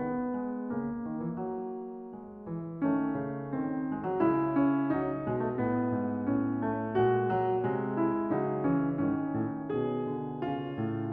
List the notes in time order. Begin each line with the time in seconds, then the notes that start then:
0.00 D#3 B3
0.35 G#3
0.70 C#3 A#3
1.03 D#3
1.20 E3
1.40 F#3
2.15 G#3
2.47 E3
2.87 D#3 A3 C#4
3.19 C#3
3.55 D#3 C4
3.91 G#3
4.04 F#3
4.21 C#3 G#3 E4
4.56 C#4
4.91 F#3 D#4
5.31 B2 G#3
5.45 A3
5.58 A2 B3
5.96 G#2
6.33 A2 C#4
6.65 A3
6.98 A#2 G#3 F#4
7.30 F#3
7.65 C3 G#3
7.98 E4
8.34 C#3 F#3 D#4
8.70 E3 C#4
9.02 G#2 D#3 C#4
9.36 A2
9.69 B2 B3 G#4
10.08 D3
10.44 C#4 F4
10.77 A2